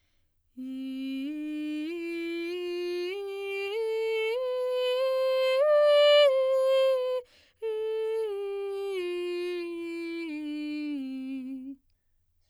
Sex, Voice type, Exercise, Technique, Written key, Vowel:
female, soprano, scales, straight tone, , i